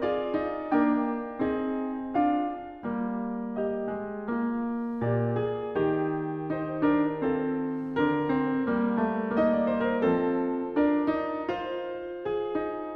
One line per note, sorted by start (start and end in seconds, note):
0.00 0.33 F4
0.00 0.70 G#4
0.00 0.70 D5
0.33 0.72 D#4
0.70 1.42 A#3
0.70 1.42 D4
0.70 1.39 A#4
0.70 2.16 G5
1.39 2.17 C4
1.39 2.17 D#4
1.39 3.55 G#4
2.16 2.87 D4
2.16 2.87 F4
2.16 3.55 F5
2.87 3.99 G3
2.87 4.28 A#3
3.55 4.30 G4
3.55 4.99 D#5
3.99 4.32 G#3
4.30 6.59 A#3
4.30 4.99 F4
4.99 5.77 A#2
4.99 5.35 G4
4.99 6.58 D5
5.35 5.75 G#4
5.75 7.95 D#3
5.75 7.28 G4
6.58 6.92 D#4
6.58 6.92 C5
6.90 7.30 D4
6.90 7.29 A#4
7.28 7.95 C4
7.28 9.35 F4
7.28 7.93 A4
7.93 8.65 D3
7.93 8.28 D4
7.93 9.35 A#4
8.28 8.65 C4
8.65 10.07 G3
8.65 9.01 A#3
9.01 9.37 G#3
9.35 10.07 A#3
9.35 9.52 D#4
9.35 10.75 D#5
9.52 9.71 D5
9.71 9.88 C5
9.88 10.03 A#4
10.03 12.96 F3
10.03 10.76 C4
10.03 10.75 A4
10.75 11.20 D4
10.75 12.26 A#4
10.75 11.48 D5
11.20 11.52 D#4
11.48 12.59 F4
11.48 12.93 C5
12.26 12.96 G#4
12.59 12.96 D#4
12.93 12.96 A#4